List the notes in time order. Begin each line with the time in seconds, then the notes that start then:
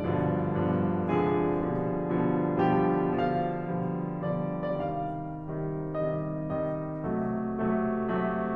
0.00 G2 B2 D3 F3
0.56 G2 B2 D3 F3
1.09 C3 D3 F3 G#3 G#4
1.50 B2 D3 F3 G3
2.11 B2 D3 F3 G3
2.67 B2 D3 F3 G3 G4
3.17 B2 D3 F3 G3 F5
3.63 B2 D3 F3 G3
4.14 B2 D3 F3 G3 D5
4.67 C3 D#3 G3 D5
4.89 F5
5.13 C3 D#3 G3
5.72 C3 D#3 G3 D#5
6.29 C3 D#3 G3 D#5
7.05 C3 F#3 A3
7.50 C3 F#3 A3
7.96 C3 F#3 A3